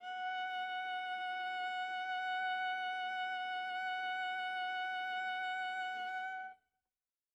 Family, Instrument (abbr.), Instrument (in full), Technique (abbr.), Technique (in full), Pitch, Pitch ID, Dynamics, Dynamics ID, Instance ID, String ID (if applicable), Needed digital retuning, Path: Strings, Va, Viola, ord, ordinario, F#5, 78, mf, 2, 2, 3, FALSE, Strings/Viola/ordinario/Va-ord-F#5-mf-3c-N.wav